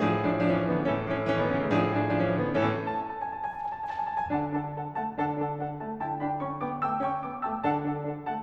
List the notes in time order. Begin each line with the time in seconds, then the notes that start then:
0.00 A2 F3 D4 G#4
0.22 F3 D4
0.43 F3 D4
0.53 E3 C#4
0.63 F3 D4
0.71 D3 B3
0.82 A2 E3 C#4 A4
1.01 E3 C#4
1.22 E3 C#4
1.32 D#3 B3
1.43 E3 C#4
1.52 C#3 A3
1.61 A2 F3 D4 G#4
1.82 F3 D4
2.03 F3 D4
2.15 E3 C#4
2.28 F3 D4
2.37 D3 B3
2.47 A2 E3 C#4 A4
2.69 A5
2.79 G#5
2.93 A5
3.03 G#5
3.22 A5
3.34 G#5
3.48 A5
3.56 G#5
3.65 A5
3.75 G#5
3.85 A5
3.97 G#5
4.05 A5
4.19 G#5
4.30 D3 D4 A4 F#5 A5
4.49 D4 A4 F#5 A5
4.69 D4 A4 F#5 A5
4.95 A3 D5 F#5 A5
5.12 D3 D4 A4 F#5 A5
5.28 D4 A4 F#5 A5
5.49 D4 A4 F#5 A5
5.78 A3 D5 F#5 A5
6.01 D3 E4 G5 A5
6.19 D4 G5 A5 B5
6.37 C#4 G5 A5 C#6
6.61 B3 G5 A5 D6
6.79 A3 G5 A5 E6
6.98 C#4 G5 A5 C#6
7.20 B3 G5 A5 D6
7.42 A3 G5 A5 E6
7.60 D3 D4 A4 F#5 A5
7.80 D4 A4 F#5 A5
8.00 D4 A4 F#5 A5
8.21 A3 D5 F#5 A5